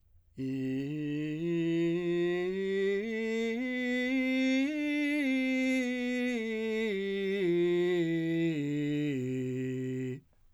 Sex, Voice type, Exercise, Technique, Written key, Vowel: male, , scales, straight tone, , i